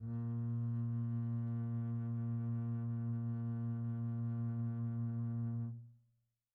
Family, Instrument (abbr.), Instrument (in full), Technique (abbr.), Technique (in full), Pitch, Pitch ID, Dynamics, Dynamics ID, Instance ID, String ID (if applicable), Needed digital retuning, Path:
Strings, Cb, Contrabass, ord, ordinario, A#2, 46, pp, 0, 3, 4, FALSE, Strings/Contrabass/ordinario/Cb-ord-A#2-pp-4c-N.wav